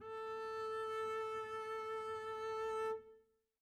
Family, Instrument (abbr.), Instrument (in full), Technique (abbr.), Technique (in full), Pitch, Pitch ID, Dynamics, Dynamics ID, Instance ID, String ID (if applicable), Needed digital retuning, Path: Strings, Cb, Contrabass, ord, ordinario, A4, 69, mf, 2, 0, 1, TRUE, Strings/Contrabass/ordinario/Cb-ord-A4-mf-1c-T10u.wav